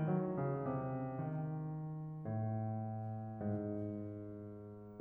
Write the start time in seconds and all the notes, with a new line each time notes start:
0.00 F#3
0.37 C#3
0.59 C3
0.93 D#3
2.29 A2
3.18 G#2